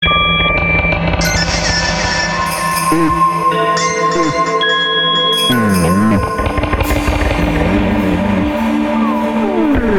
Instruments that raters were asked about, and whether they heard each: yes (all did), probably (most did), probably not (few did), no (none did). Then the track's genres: organ: no
Electronic; Ambient